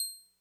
<region> pitch_keycenter=96 lokey=95 hikey=97 tune=-1 volume=7.866762 lovel=100 hivel=127 ampeg_attack=0.004000 ampeg_release=0.100000 sample=Electrophones/TX81Z/Clavisynth/Clavisynth_C6_vl3.wav